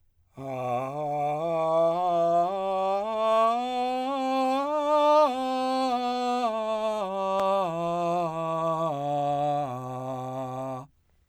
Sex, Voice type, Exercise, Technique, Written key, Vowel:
male, , scales, straight tone, , a